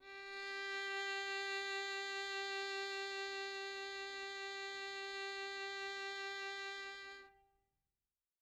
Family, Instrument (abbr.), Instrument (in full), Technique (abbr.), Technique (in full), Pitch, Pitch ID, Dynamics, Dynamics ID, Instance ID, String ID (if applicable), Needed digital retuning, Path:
Strings, Vn, Violin, ord, ordinario, G4, 67, mf, 2, 2, 3, FALSE, Strings/Violin/ordinario/Vn-ord-G4-mf-3c-N.wav